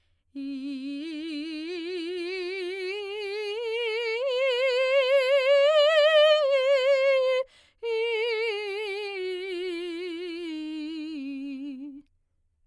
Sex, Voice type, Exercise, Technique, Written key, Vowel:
female, soprano, scales, vibrato, , i